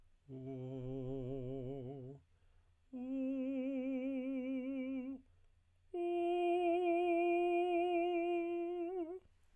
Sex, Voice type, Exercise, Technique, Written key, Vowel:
male, tenor, long tones, full voice pianissimo, , o